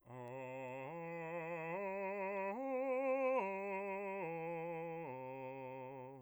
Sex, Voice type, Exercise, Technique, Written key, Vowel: male, bass, arpeggios, slow/legato piano, C major, a